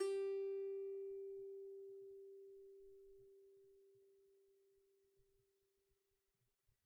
<region> pitch_keycenter=67 lokey=67 hikey=68 volume=11.901047 lovel=0 hivel=65 ampeg_attack=0.004000 ampeg_release=15.000000 sample=Chordophones/Composite Chordophones/Strumstick/Finger/Strumstick_Finger_Str3_Main_G3_vl1_rr1.wav